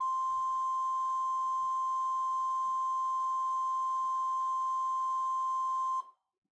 <region> pitch_keycenter=72 lokey=72 hikey=73 ampeg_attack=0.004000 ampeg_release=0.300000 amp_veltrack=0 sample=Aerophones/Edge-blown Aerophones/Renaissance Organ/4'/RenOrgan_4foot_Room_C4_rr1.wav